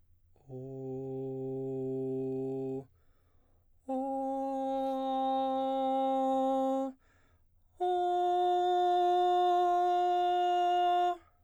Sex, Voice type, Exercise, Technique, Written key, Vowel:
male, baritone, long tones, full voice pianissimo, , o